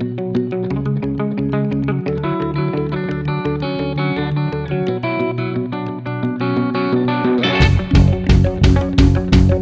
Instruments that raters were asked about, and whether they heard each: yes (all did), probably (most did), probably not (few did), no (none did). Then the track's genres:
guitar: yes
organ: no
Folk